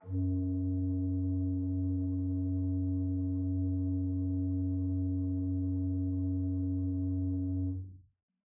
<region> pitch_keycenter=42 lokey=42 hikey=43 tune=1 offset=598 ampeg_attack=0.004000 ampeg_release=0.300000 amp_veltrack=0 sample=Aerophones/Edge-blown Aerophones/Renaissance Organ/8'/RenOrgan_8foot_Room_F#1_rr1.wav